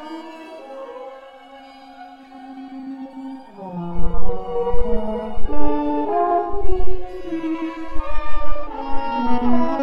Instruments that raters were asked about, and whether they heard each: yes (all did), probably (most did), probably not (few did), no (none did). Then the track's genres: trombone: probably
violin: yes
trumpet: probably not
Avant-Garde; Soundtrack; Psych-Folk; Experimental; Free-Folk; Freak-Folk; Ambient; Unclassifiable; Improv; Sound Art; Contemporary Classical; Instrumental